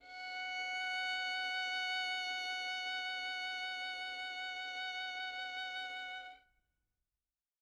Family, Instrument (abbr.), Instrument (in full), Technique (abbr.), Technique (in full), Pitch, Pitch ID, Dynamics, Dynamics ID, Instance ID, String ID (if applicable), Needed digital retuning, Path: Strings, Vn, Violin, ord, ordinario, F#5, 78, mf, 2, 2, 3, FALSE, Strings/Violin/ordinario/Vn-ord-F#5-mf-3c-N.wav